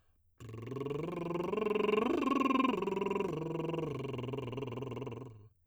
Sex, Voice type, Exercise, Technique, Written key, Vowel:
male, tenor, arpeggios, lip trill, , a